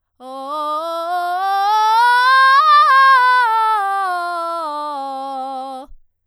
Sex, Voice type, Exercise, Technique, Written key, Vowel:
female, soprano, scales, belt, , o